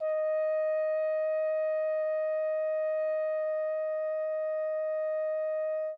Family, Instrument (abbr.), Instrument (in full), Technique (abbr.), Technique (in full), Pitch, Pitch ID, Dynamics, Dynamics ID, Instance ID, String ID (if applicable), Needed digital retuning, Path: Brass, Hn, French Horn, ord, ordinario, D#5, 75, mf, 2, 0, , FALSE, Brass/Horn/ordinario/Hn-ord-D#5-mf-N-N.wav